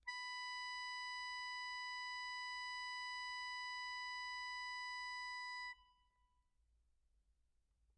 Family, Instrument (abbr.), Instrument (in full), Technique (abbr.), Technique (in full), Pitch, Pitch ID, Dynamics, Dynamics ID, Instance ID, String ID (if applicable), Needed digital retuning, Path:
Keyboards, Acc, Accordion, ord, ordinario, B5, 83, mf, 2, 4, , FALSE, Keyboards/Accordion/ordinario/Acc-ord-B5-mf-alt4-N.wav